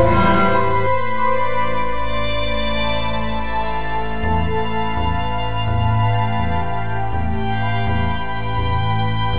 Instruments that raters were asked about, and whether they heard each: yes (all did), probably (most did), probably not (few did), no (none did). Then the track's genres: violin: yes
ukulele: no
Experimental; Ambient